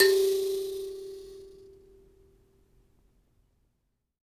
<region> pitch_keycenter=67 lokey=67 hikey=67 tune=25 volume=2.358162 seq_position=1 seq_length=2 ampeg_attack=0.004000 ampeg_release=15.000000 sample=Idiophones/Plucked Idiophones/Mbira Mavembe (Gandanga), Zimbabwe, Low G/Mbira5_Normal_MainSpirit_G3_k3_vl2_rr1.wav